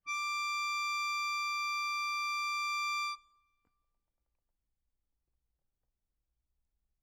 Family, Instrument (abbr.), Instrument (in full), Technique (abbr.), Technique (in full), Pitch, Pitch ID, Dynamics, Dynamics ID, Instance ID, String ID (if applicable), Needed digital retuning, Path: Keyboards, Acc, Accordion, ord, ordinario, D6, 86, ff, 4, 0, , FALSE, Keyboards/Accordion/ordinario/Acc-ord-D6-ff-N-N.wav